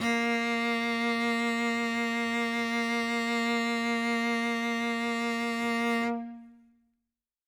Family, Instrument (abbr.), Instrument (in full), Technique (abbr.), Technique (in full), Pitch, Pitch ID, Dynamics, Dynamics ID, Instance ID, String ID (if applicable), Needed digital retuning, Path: Strings, Vc, Cello, ord, ordinario, A#3, 58, ff, 4, 0, 1, FALSE, Strings/Violoncello/ordinario/Vc-ord-A#3-ff-1c-N.wav